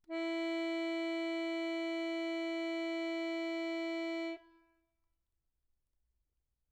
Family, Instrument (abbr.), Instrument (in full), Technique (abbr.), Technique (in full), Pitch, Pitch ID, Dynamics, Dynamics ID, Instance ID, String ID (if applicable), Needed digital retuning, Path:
Keyboards, Acc, Accordion, ord, ordinario, E4, 64, mf, 2, 0, , FALSE, Keyboards/Accordion/ordinario/Acc-ord-E4-mf-N-N.wav